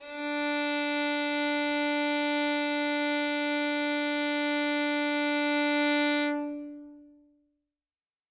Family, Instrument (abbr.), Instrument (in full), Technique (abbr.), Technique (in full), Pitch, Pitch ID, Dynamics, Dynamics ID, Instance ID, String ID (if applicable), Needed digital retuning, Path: Strings, Vn, Violin, ord, ordinario, D4, 62, ff, 4, 2, 3, FALSE, Strings/Violin/ordinario/Vn-ord-D4-ff-3c-N.wav